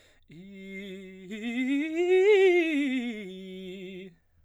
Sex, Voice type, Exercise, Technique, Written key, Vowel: male, baritone, scales, fast/articulated piano, F major, i